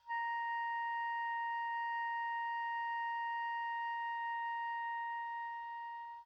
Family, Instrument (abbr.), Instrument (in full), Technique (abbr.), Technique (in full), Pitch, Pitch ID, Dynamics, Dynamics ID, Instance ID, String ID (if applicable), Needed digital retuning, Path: Winds, Ob, Oboe, ord, ordinario, A#5, 82, pp, 0, 0, , TRUE, Winds/Oboe/ordinario/Ob-ord-A#5-pp-N-T14u.wav